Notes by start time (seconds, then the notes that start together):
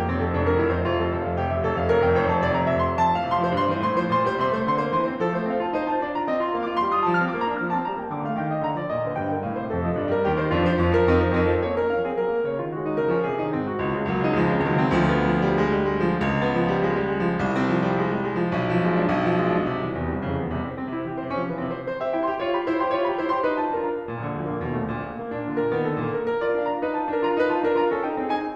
0.00 F2 G4
0.12 F1 C4
0.22 F2 A4
0.37 F1 D4
0.49 F2 A#4
0.62 F1 E4
0.72 F2 C5
0.82 F1 F4
0.98 F2 A4
1.11 F1 C5
1.23 F2 F5
1.42 F1 G4
1.51 F2 E5
1.64 F1 A4
1.78 F2 F5
1.90 F1 A#4
2.01 F2 G5
2.18 F1 C5
2.30 F2 A5
2.41 F1 D5
2.57 F2 A#5
2.71 F1 E5
2.88 F2 C6
3.00 F2 A5
3.18 A2 F5
3.29 C3 C6
3.40 F3 C5
3.52 G2 C6
3.66 E3 C5
3.83 A2 C6
3.98 F3 C5
4.10 A#2 C6
4.21 G3 C5
4.35 C3 C6
4.48 A3 C5
4.63 D3 C6
4.76 A#3 C5
4.92 E3 C6
5.11 C4 C5
5.21 F3 A4
5.35 A3 C5
5.49 C4 F5
5.62 F4 A5
5.76 D#4 C5
5.90 F4 A5
6.03 D4 D5
6.12 F4 A#5
6.28 C4 D#5
6.37 F4 C6
6.54 A#3 F5
6.71 F4 D6
6.80 A3 C6
6.93 F4 D#6
7.12 F3 A5
7.21 C4 F6
7.33 A#3 D6
7.47 D4 A#5
7.59 F3 F6
7.71 C4 A5
7.87 G3 A#5
8.00 A#3 G5
8.13 D3 D6
8.28 A3 F5
8.42 D#3 G5
8.53 G3 D#5
8.67 A#2 A#5
8.77 F3 D5
8.92 C3 D#5
9.04 D#3 C5
9.16 G2 G5
9.29 D3 A#4
9.43 A2 F5
9.57 C3 C5
9.74 F2 A4
9.86 F3 D#5
10.01 G2 D5
10.14 G3 A#4
10.25 D#2 G4
10.41 D#3 C5
10.53 F2 D4 F4
10.65 F3 C5
10.80 F2 C#4 F4
10.96 F3 A#4
11.09 F2 C4 D#4
11.33 F3 A#4
11.44 F2 C4 D#4
11.54 F3 A4
11.67 A#3 C#5
11.77 C#4 A#4
11.89 F3 F5
12.02 C4 G#4
12.20 F#3 A#4
12.33 A#3 F#4
12.50 C#3 C#5
12.62 G#3 F4
12.72 D#3 F#4
12.85 F#3 D#4
13.00 A#2 A#4
13.15 F3 C#4
13.28 C3 G#4
13.42 D#3 D#4
13.50 G#2 C4
13.73 D#3 F#4
13.86 C#2 F4
13.99 C#3 G#3
14.08 C#2 F#3 A#3
14.21 C#3 D#4
14.38 C#2 F3 G#3
14.52 C#3 C#4
14.63 C#2 D#3 F#3
14.76 C#3 C4
14.93 C#2 F3
15.07 B3
15.34 F3
15.46 G3
15.60 G#3
15.73 G3
15.96 G#3
16.09 F3
16.21 D2
16.32 B3
16.46 F3
16.80 G3
16.89 G#3
16.99 G3
17.10 G#3
17.19 F3
17.32 C2
17.44 C4
17.57 F3
17.67 G3
17.91 G#3
18.04 G3
18.30 G#3
18.44 F3
18.55 B1
18.67 F3
18.77 G#3
18.90 D4
19.04 B1
19.18 F3
19.33 G#3
19.45 D4
19.68 C3
19.80 C2 E3
19.93 E2 G3
20.10 C2 C4
20.20 F2 C#3
20.40 C2 B3
20.51 E2 C3
20.64 C2 C4
20.77 C4
20.90 C3 E4
21.08 E3 G4
21.19 C3 C5
21.36 F3 C#4
21.47 C3 B4
21.59 E3 C4
21.77 C3 C5
21.92 C5
22.01 G4 E5
22.16 E4 G5
22.30 G4 C6
22.40 F4 C#5
22.53 G4 B5
22.65 E4 C5
22.79 G4 C6
22.94 F4 C#5
23.09 G4 B5
23.23 E4 C5
23.35 G4 C6
23.46 D#4 B4
23.60 F4 A5
23.72 D4 A#4
23.88 F4 A#5
24.08 A#2
24.21 A#1 D3
24.32 D2 F3
24.51 A#1 A#3
24.62 D#2 B2
24.71 A#1 A3
24.87 D2 A#2
25.02 A#1 A#3
25.16 A#3
25.34 A#2 D4
25.46 D3 F4
25.55 A#2 A#4
25.70 D#3 B3
25.84 A#2 A4
26.06 D3 A#3
26.19 A#2 A#4
26.28 A#4
26.44 F4 D5
26.58 D4 F5
26.73 F4 A#5
26.85 D#4 B4
26.97 F4 A5
27.09 D4 A#4
27.19 F4 A#5
27.33 D#4 B4
27.52 F4 A5
27.63 D4 A#4
27.78 F4 A#5
27.91 C#4 A4
28.04 D#4 G5
28.19 C4 G#4
28.40 C#4 G#5